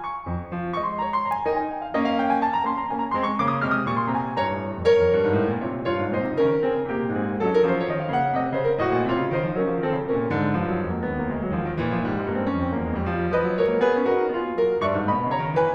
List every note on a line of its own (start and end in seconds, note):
0.00 0.51 C#6
0.26 0.51 F2
0.51 0.72 F3
0.73 1.00 A3
0.73 1.00 D#5
0.73 0.89 C#6
0.89 1.00 C6
1.01 1.22 A#3
1.01 1.22 C#5
1.01 1.10 A#5
1.10 1.22 C6
1.22 1.45 D4
1.22 1.45 A#4
1.22 1.32 A#5
1.34 1.45 G#5
1.45 1.68 D#4
1.45 1.68 A#4
1.45 1.56 G5
1.56 1.68 G#5
1.68 1.80 G5
1.80 1.92 F5
1.95 2.67 A#3
1.95 2.67 C#4
1.95 2.05 D#5
2.05 2.17 F5
2.17 2.26 G5
2.29 2.39 G#5
2.39 2.50 A5
2.51 2.67 A#5
2.67 2.90 A#3
2.67 2.90 C#4
2.67 2.77 C6
2.77 2.90 A#5
2.91 3.12 A#3
2.91 3.12 C#4
2.91 3.03 G#5
3.03 3.12 A#5
3.13 3.40 G#3
3.13 3.40 C4
3.13 3.29 C6
3.29 3.40 C#6
3.40 3.61 C#3
3.40 3.61 A#3
3.40 3.52 C#6
3.53 3.61 D#6
3.61 3.85 C3
3.61 3.85 G#3
3.61 3.72 F6
3.72 3.85 D#6
3.87 4.05 A#2
3.87 4.05 G3
3.87 3.96 C#6
3.96 4.05 C6
4.06 4.28 C3
4.06 4.28 G#3
4.06 4.16 A#5
4.16 4.28 G#5
4.28 4.38 G2
4.28 4.61 C#5
4.28 4.61 A#5
4.39 4.61 G#2
4.61 4.71 G2
4.73 4.84 F2
4.84 5.03 D#2
4.84 5.65 A#4
4.84 5.65 C#5
5.03 5.13 F2
5.14 5.24 G2
5.24 5.40 G#2
5.40 5.54 A2
5.55 5.65 A#2
5.65 5.76 C3
5.65 5.87 F4
5.65 5.87 C#5
5.77 5.87 A#2
5.87 5.98 G2
5.87 6.08 F4
5.87 6.08 C#5
5.98 6.08 G#2
6.10 6.19 A#2
6.10 6.28 D#4
6.10 6.28 C5
6.19 6.28 C3
6.29 6.36 C#3
6.29 6.56 C#4
6.29 6.56 A#4
6.36 6.56 D#3
6.56 6.71 F3
6.56 6.86 C4
6.56 6.86 G#4
6.72 6.86 D#3
6.86 7.01 C#3
6.86 7.09 A#3
6.86 7.09 G4
7.01 7.09 C3
7.09 7.24 A#2
7.09 7.44 C4
7.09 7.44 G#4
7.24 7.44 G#2
7.45 7.66 F#3
7.45 7.66 D#4
7.45 7.55 G#4
7.55 7.66 A#4
7.66 7.88 F3
7.66 7.88 C#4
7.66 7.79 C5
7.80 7.88 C#5
7.88 8.10 D#3
7.88 8.10 C4
7.88 8.00 D#5
8.01 8.10 F5
8.10 8.32 C#3
8.10 8.32 A#3
8.10 8.21 F#5
8.21 8.32 F5
8.34 8.53 C3
8.34 8.53 G#3
8.34 8.43 D#5
8.43 8.53 C#5
8.54 8.84 C#3
8.54 8.84 A#3
8.54 8.66 C5
8.66 8.84 A#4
8.84 8.96 A2
8.84 9.09 F#4
8.84 9.09 D#5
8.99 9.09 A#2
9.09 9.22 C3
9.09 9.31 F4
9.09 9.31 C#5
9.22 9.31 C#3
9.32 9.45 D#3
9.32 9.54 D#4
9.32 9.54 C5
9.45 9.54 F3
9.56 9.64 F#3
9.56 9.79 C#4
9.56 9.79 A#4
9.64 9.79 F3
9.79 9.89 D#3
9.79 10.02 C4
9.79 10.02 A4
9.90 10.02 C#3
10.02 10.14 C3
10.02 10.29 C#4
10.02 10.29 A#4
10.16 10.29 A#2
10.29 10.55 G#2
10.29 10.44 D3
10.44 10.55 D#3
10.57 10.89 G2
10.57 10.77 F3
10.77 10.89 G3
10.89 11.09 F2
10.89 10.98 G#3
10.98 11.09 A#3
11.09 11.32 D#2
11.09 11.22 B3
11.23 11.32 A#3
11.32 11.52 C#2
11.32 11.42 G#3
11.42 11.52 G3
11.53 11.77 D#2
11.53 11.67 F3
11.67 11.77 D#3
11.78 12.05 A#2
11.78 11.95 E3
11.95 12.05 F3
12.05 12.28 G#2
12.05 12.17 G3
12.18 12.28 G#3
12.28 12.54 G2
12.28 12.41 A#3
12.42 12.54 C4
12.54 12.83 F2
12.54 12.67 C#4
12.67 12.83 C4
12.84 13.06 D#2
12.84 12.93 A#3
12.93 13.06 G#3
13.06 13.37 F2
13.06 13.21 G3
13.22 13.37 F3
13.37 13.47 F3
13.37 13.60 B4
13.37 13.60 D#5
13.49 13.60 F#3
13.60 13.69 G#3
13.60 13.77 A#4
13.60 13.77 C#5
13.69 13.77 A#3
13.78 13.91 B3
13.78 14.02 G#4
13.78 14.02 B4
13.91 14.02 C#4
14.04 14.15 D#4
14.04 14.29 F#4
14.04 14.29 A#4
14.15 14.29 C#4
14.29 14.54 B3
14.29 14.66 F4
14.29 14.66 G#4
14.55 14.66 A#3
14.66 14.74 G#3
14.66 14.84 F#4
14.66 14.84 A#4
14.74 14.84 F#3
14.84 14.95 G2
14.84 15.05 E5
14.84 15.05 C#6
14.95 15.05 G#2
15.06 15.20 A#2
15.06 15.31 D#5
15.06 15.31 B5
15.20 15.31 B2
15.31 15.41 C#3
15.31 15.56 C#5
15.31 15.56 A#5
15.42 15.56 D#3
15.56 15.65 E3
15.56 15.74 B4
15.56 15.74 G#5
15.66 15.74 D#3